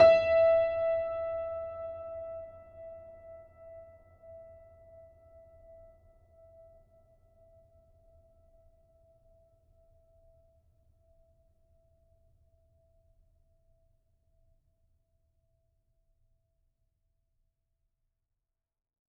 <region> pitch_keycenter=76 lokey=76 hikey=77 volume=-0.031626 lovel=66 hivel=99 locc64=65 hicc64=127 ampeg_attack=0.004000 ampeg_release=0.400000 sample=Chordophones/Zithers/Grand Piano, Steinway B/Sus/Piano_Sus_Close_E5_vl3_rr1.wav